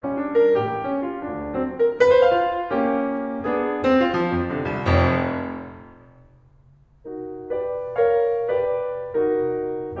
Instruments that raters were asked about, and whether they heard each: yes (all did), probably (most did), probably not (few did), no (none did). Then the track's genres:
piano: yes
Classical